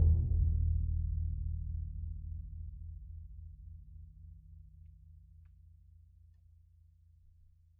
<region> pitch_keycenter=65 lokey=65 hikey=65 volume=16.284471 lovel=107 hivel=127 ampeg_attack=0.004000 ampeg_release=2.000000 sample=Membranophones/Struck Membranophones/Bass Drum 2/bassdrum_roll_fast_f_rel.wav